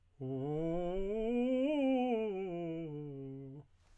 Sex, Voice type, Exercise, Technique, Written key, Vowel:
male, tenor, scales, fast/articulated piano, C major, u